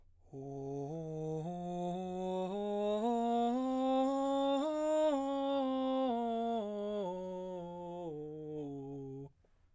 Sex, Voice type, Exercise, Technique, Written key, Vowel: male, baritone, scales, breathy, , o